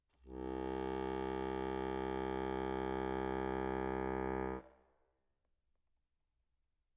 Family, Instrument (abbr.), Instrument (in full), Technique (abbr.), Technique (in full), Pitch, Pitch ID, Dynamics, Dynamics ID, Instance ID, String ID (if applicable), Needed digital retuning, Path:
Keyboards, Acc, Accordion, ord, ordinario, C2, 36, mf, 2, 1, , FALSE, Keyboards/Accordion/ordinario/Acc-ord-C2-mf-alt1-N.wav